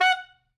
<region> pitch_keycenter=78 lokey=77 hikey=80 volume=7.215493 lovel=84 hivel=127 ampeg_attack=0.004000 ampeg_release=2.500000 sample=Aerophones/Reed Aerophones/Saxello/Staccato/Saxello_Stcts_MainSpirit_F#4_vl2_rr4.wav